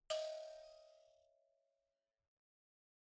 <region> pitch_keycenter=75 lokey=75 hikey=75 tune=-5 volume=20.850015 offset=4653 ampeg_attack=0.004000 ampeg_release=30.000000 sample=Idiophones/Plucked Idiophones/Mbira dzaVadzimu Nyamaropa, Zimbabwe, Low B/MBira4_pluck_Main_D#4_18_50_100_rr5.wav